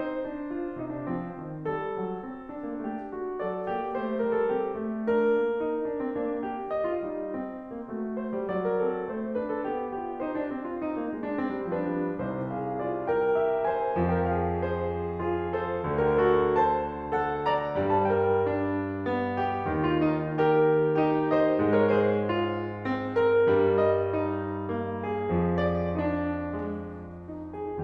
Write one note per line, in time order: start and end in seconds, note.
0.00 0.24 D#4
0.00 1.71 C5
0.26 0.48 D4
0.48 0.77 F4
0.78 1.07 C3
0.78 0.91 D#4
0.91 1.07 D4
1.07 1.39 F3
1.07 1.39 C4
1.40 1.71 D#3
1.71 1.97 G3
1.71 3.40 A4
1.99 2.26 F#3
2.26 2.65 C4
2.53 2.81 D4
2.66 2.81 A#3
2.81 3.15 A3
2.81 3.15 G4
3.16 3.40 F#4
3.40 3.75 F#3
3.40 3.75 A4
3.40 5.06 D5
3.75 4.04 A#3
3.75 4.04 G4
4.05 4.28 A3
4.05 4.28 C5
4.28 4.54 G3
4.28 4.40 A#4
4.41 4.54 A4
4.55 4.81 C4
4.55 4.81 G4
4.81 5.06 A3
5.06 5.27 D4
5.06 6.73 A#4
5.27 5.57 A#3
5.58 5.87 D#4
5.87 5.99 D4
5.99 6.12 C4
6.13 6.43 A#3
6.13 6.43 D4
6.43 6.87 G4
6.75 8.54 D#5
6.90 7.08 F4
7.08 7.35 G3
7.08 7.35 D#4
7.36 7.76 C4
7.76 7.89 A#3
7.89 8.36 A3
7.89 8.17 F#4
8.19 8.68 C5
8.36 8.54 G3
8.54 8.86 F#3
8.54 10.24 D5
8.72 8.86 A#4
8.87 9.13 C4
8.87 9.13 A4
9.13 9.37 A3
9.13 9.37 C5
9.38 9.72 D4
9.38 9.50 B4
9.50 9.72 A4
9.72 9.97 B3
9.72 9.97 G4
9.98 10.24 F4
9.98 10.55 G4
10.24 10.40 D#4
10.24 12.19 C5
10.40 10.55 D4
10.57 10.96 C4
10.57 10.67 G4
10.68 10.82 F4
10.82 11.22 D#4
10.96 11.06 A#3
11.06 11.48 G#3
11.37 11.66 C4
11.49 11.66 G3
11.67 11.92 F3
11.67 12.19 D4
11.67 12.19 B4
11.94 12.19 G3
12.20 14.01 C2
12.20 14.01 C3
12.20 12.48 D#4
12.20 12.48 C5
12.49 12.77 G#4
12.49 12.77 F5
12.77 13.07 F4
12.77 13.07 D5
13.08 13.35 A#4
13.08 13.35 G5
13.35 13.64 F4
13.35 13.64 E5
13.65 14.14 C5
13.65 14.14 G#5
14.01 15.88 F2
14.01 15.88 F3
14.14 14.28 A#4
14.14 14.28 G5
14.29 14.62 F5
14.62 14.93 G#4
14.62 15.19 C5
15.19 15.57 F4
15.19 15.57 G#4
15.57 16.03 A4
15.57 16.03 C5
15.88 17.75 D2
15.88 17.75 D3
16.03 16.25 G4
16.03 16.25 A#4
16.25 16.56 F#4
16.25 16.56 A4
16.57 17.10 C5
16.57 17.10 A5
17.11 17.46 A4
17.11 17.46 F#5
17.46 17.97 D5
17.46 17.97 A#5
17.76 19.74 G2
17.76 19.74 G3
17.97 18.12 C5
17.97 18.12 A5
18.12 18.46 A#4
18.12 18.46 G5
18.47 19.03 D4
19.04 19.38 B3
19.38 19.91 G4
19.75 21.61 D#2
19.75 21.61 D#3
19.92 20.06 F4
20.06 20.41 D#4
20.41 20.98 G4
20.41 20.98 A#4
20.98 21.26 D#4
20.98 21.26 G4
21.27 21.79 C5
21.27 21.79 D#5
21.61 23.48 G#2
21.61 23.48 G#3
21.80 21.92 A#4
21.80 21.92 C#5
21.93 22.27 G#4
21.93 22.27 C5
22.27 22.85 F4
22.85 23.13 C4
23.16 23.77 A#4
23.48 25.31 G2
23.48 25.31 G3
23.78 24.13 D#5
24.13 24.68 D#4
24.68 24.96 A#3
24.96 25.61 G#4
25.31 27.84 F2
25.31 27.84 F3
25.61 25.99 D5
26.01 26.84 D4
26.85 27.28 G#3
27.28 27.57 D#4
27.59 27.84 G#4